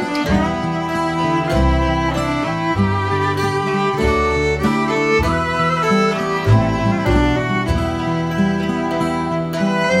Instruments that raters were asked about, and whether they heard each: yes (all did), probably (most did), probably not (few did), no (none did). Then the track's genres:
violin: yes
drums: no
International; Celtic